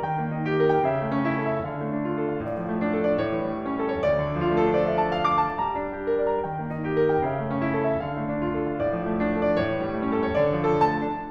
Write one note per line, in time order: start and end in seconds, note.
0.00 0.86 D#3
0.00 0.31 G5
0.17 0.86 A#3
0.33 0.86 D#4
0.45 0.71 G4
0.57 0.86 A#4
0.71 1.02 G5
0.86 1.61 C#3
0.86 1.13 E5
1.02 1.61 A3
1.14 1.61 C#4
1.27 1.46 E4
1.39 1.61 A4
1.47 1.78 E5
1.63 2.48 D3
1.63 1.95 F5
1.78 2.48 A3
1.95 2.48 D4
2.08 2.37 F4
2.22 2.48 A4
2.37 2.65 F5
2.50 3.25 A2
2.50 2.77 D5
2.66 3.25 F3
2.79 3.25 A3
2.93 3.10 D4
3.02 3.25 A4
3.10 3.33 D5
3.25 4.12 A2
3.25 3.47 C#5
3.33 4.12 E3
3.47 4.12 G3
3.61 4.12 A3
3.61 3.95 C#4
3.80 4.12 A4
3.96 4.28 C#5
4.13 4.42 D2
4.13 4.42 D5
4.30 4.55 D3
4.42 4.68 F3
4.55 4.79 A3
4.68 4.86 D4
4.68 4.86 F4
4.79 4.97 A4
4.88 5.11 D5
4.98 5.25 F5
5.12 5.38 A5
5.26 5.48 F5
5.39 5.63 D6
5.48 5.77 A5
5.63 6.43 G3
5.63 5.87 A#5
5.77 6.43 D4
5.87 6.43 G4
6.03 6.29 A#4
6.16 6.43 D5
6.30 6.58 A#5
6.43 7.23 D#3
6.43 6.75 G5
6.59 7.23 A#3
6.76 7.23 D#4
6.86 7.13 G4
6.94 7.23 A#4
7.13 7.40 G5
7.24 7.94 C#3
7.24 7.53 E5
7.41 7.94 A3
7.55 7.94 C#4
7.62 7.81 E4
7.71 7.94 A4
7.81 8.12 E5
7.94 8.81 D3
7.94 8.27 F5
8.12 8.81 A3
8.27 8.81 D4
8.38 8.65 F4
8.53 8.81 A4
8.66 8.99 F5
8.82 9.60 A2
8.82 9.11 D5
8.99 9.60 F3
9.13 9.60 A3
9.24 9.46 D4
9.36 9.60 A4
9.46 9.73 D5
9.60 10.40 A2
9.60 9.88 C#5
9.74 10.40 E3
9.89 10.40 G3
10.05 10.40 A3
10.05 10.25 C#4
10.17 10.40 A4
10.26 10.57 C#5
10.40 10.72 D2
10.40 10.72 D5
10.57 10.90 F3
10.62 10.82 A4
10.72 10.99 A3
10.72 11.30 A5
10.90 11.13 D4